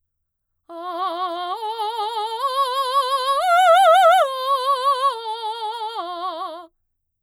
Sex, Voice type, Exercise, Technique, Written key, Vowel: female, mezzo-soprano, arpeggios, slow/legato forte, F major, a